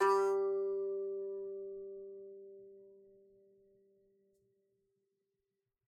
<region> pitch_keycenter=55 lokey=55 hikey=56 volume=-0.106877 lovel=66 hivel=99 ampeg_attack=0.004000 ampeg_release=15.000000 sample=Chordophones/Composite Chordophones/Strumstick/Finger/Strumstick_Finger_Str1_Main_G2_vl2_rr1.wav